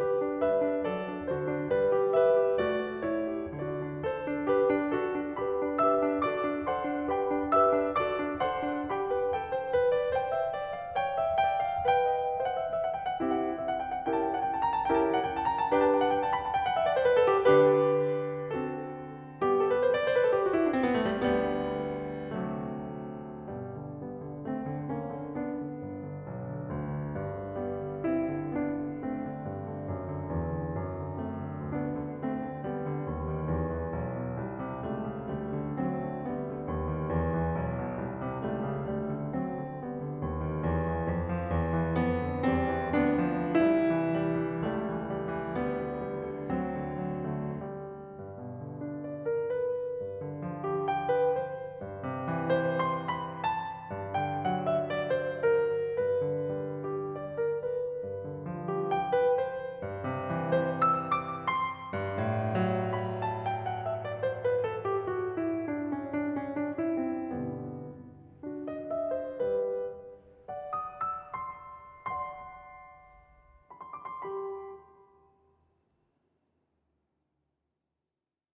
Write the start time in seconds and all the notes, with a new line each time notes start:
0.01 G4 B4
0.21 D4
0.42 G3 B4 E5
0.63 D4
0.86 F#3 A4 D5
1.12 D4
1.29 D3 F#4 C5
1.48 D4
1.72 G3 B4
1.98 G4
2.14 B4 E5
2.30 G4
2.57 A3 F#4 D5
2.78 A4
3.01 E4 C#5
3.29 G4
3.58 D3 F#4 D5
3.80 D4
4.06 A4 C5
4.29 D4
4.50 G4 B4
4.72 D4
4.97 F#4 A4
5.20 D4
5.37 G4 B4 B5
5.67 D4
5.86 G4 B4 E5 E6
6.02 D4
6.30 F#4 A4 D5 D6
6.46 D4
6.66 A4 C5 F#5 C6
6.83 D4
7.08 G4 B4 B5
7.31 D4
7.49 G4 B4 E5 E6
7.78 D4
7.99 F#4 A4 D5 D6
8.23 D4
8.43 A4 C5 F#5 C6
8.67 D4
8.92 G4 G5 B5
9.15 B4
9.33 A4 G5
9.54 C5
9.71 B4
9.90 D5
10.16 C5 G5
10.37 E5
10.61 D5
10.81 F5
10.99 C#5 G5
11.17 E5
11.43 D5 G5
11.60 F5
11.91 B4 G5
12.16 D#5
12.42 C5 E5
12.49 F#5
12.58 E5
12.66 D#5
12.77 E5
12.86 F#5
12.95 G5
13.07 F#5
13.22 C4 E4 G4 E5
13.32 F#5
13.44 E5
13.53 D#5
13.66 E5
13.74 F#5
13.83 G5
13.96 F#5
14.07 C#4 E4 G4 A#4 G5
14.19 A5
14.27 G5
14.39 F#5
14.52 G5
14.61 A5
14.70 A#5
14.81 A5
14.89 C#4 E4 G4 A#4 G5
14.97 A5
15.09 G5
15.18 F#5
15.26 G5
15.44 A5
15.52 A#5
15.61 A5
15.71 D4 G4 B4 G5
15.84 A5
15.96 G5
16.06 F#5
16.22 G5
16.33 A5
16.45 B5
16.53 A5
16.62 G5
16.70 F#5
16.77 E5
16.89 D5
16.97 C5
17.06 B4
17.17 A4
17.50 D3 D4 G4 B4
18.54 C4 F#4 A4
19.43 G3 B3 G4
19.55 A4
19.66 B4
19.80 C5
19.91 D5
20.06 C5
20.15 B4
20.23 A4
20.35 G4
20.43 F#4
20.52 E4
20.63 D4
20.72 C4
20.80 B3
20.93 A3
21.28 D2 D3 G3 B3
22.31 C3 F#3 A3
23.46 G2 B2 G3
23.85 D3
24.07 G3 B3
24.31 D3
24.51 A3 C4
24.76 D3
24.94 A#3 C#4
25.15 D3
25.36 B3 D4
25.56 D3
25.83 G1
26.19 D3
26.38 B1
26.60 D3
26.78 D2
27.00 D3
27.17 G2
27.39 D3
27.59 G3 B3
27.82 D3
28.07 C4 E4
28.42 D3
28.62 B3 D4
28.83 D3
29.05 A3 C4
29.23 D3
29.47 G2
29.68 D3
29.88 F#2
30.11 D3
30.27 E2
30.62 D3
30.82 F#2
31.02 D3
31.24 A3 C4
31.46 D3
31.64 D2 B3 D4
31.92 D3
32.18 A3 C4
32.37 D3
32.63 G3 B3
32.89 D3
33.11 D2
33.28 D#3
33.50 E2
33.74 E3
33.93 B1
34.12 B2
34.38 C2
34.57 C3
34.88 C2 G3 A3
35.11 C#3
35.29 D2 G3 A3
35.60 D3
35.86 F#3 C4
36.05 D3
36.24 G3 B3
36.43 D3
36.64 D2
36.87 D#3
37.08 E2
37.30 E3
37.56 B1
37.88 B2
38.06 C2
38.28 C3
38.43 C2 G3 A3
38.60 C#3
38.77 D2 G3 A3
39.10 D3
39.29 F#3 C4
39.56 D3
39.76 G3 B3
39.98 D3
40.20 D#2
40.42 D#3
40.65 E2
40.88 E3
41.07 F2
41.26 F3
41.45 E2
41.67 E3
41.89 F2 G3 B3
42.17 D3
42.41 E2 G3 C4
42.67 E3
42.92 D2 B3 D4
43.30 F3
43.65 C2 G3 E4
43.91 E3
44.14 G3
44.44 E3
44.66 C#2 G3 A3
44.91 E3
45.15 G3
45.35 E3
45.60 D2 G3 B3
45.89 D3
46.05 G3
46.26 D3
46.52 D2 F#3 C4
46.79 D3
47.12 F#3
47.37 D3 A3
47.73 G3
48.18 G2
48.40 B2
48.62 D3
48.77 D4
49.03 D5
49.24 A#4
49.45 B4
49.95 G2
50.20 D3
50.45 F3
50.68 G4
50.89 G5
51.10 B4
51.39 C5
51.79 G2
52.04 C3
52.22 E3
52.54 C5
52.83 C6
53.11 B5
53.32 A5
53.90 G2
54.17 D3 G5
54.36 F#3 F#5
54.65 E5
54.94 D5
55.13 C5
55.33 A#4
55.99 G2 B4
56.28 D3
56.49 G3
56.77 D4
57.16 D5
57.39 A#4
57.58 B4
58.09 G2
58.29 D3
58.50 F3
58.68 G4
58.91 G5
59.12 B4
59.37 C5
59.83 G2
60.11 C3
60.34 E3
60.62 C5
60.88 E6
61.12 D6
61.47 C6
61.92 G2
62.25 A2
62.56 F#3
62.98 B5
63.20 A5
63.45 G5
63.69 F#5
63.88 E5
64.01 D5
64.20 C5
64.41 B4
64.64 A4
64.92 G4
65.13 F#4
65.44 E4
65.66 D4
65.87 C#4
66.11 D4
66.36 C#4
66.60 D4
66.80 E4
67.03 C4
67.25 G2 B2 D3 G3 B3
68.44 D4 F#4
68.70 D#5
68.98 E5
69.14 C5
69.45 G3 G4 B4
70.50 D5 F#5
70.79 D#6
71.05 E6
71.34 C6
71.93 D5 F#5 C6
73.67 B5
73.82 C6
73.95 D6
74.08 C6
74.23 G4 G5 B5